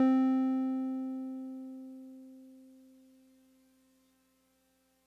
<region> pitch_keycenter=60 lokey=59 hikey=62 volume=11.982175 lovel=66 hivel=99 ampeg_attack=0.004000 ampeg_release=0.100000 sample=Electrophones/TX81Z/Piano 1/Piano 1_C3_vl2.wav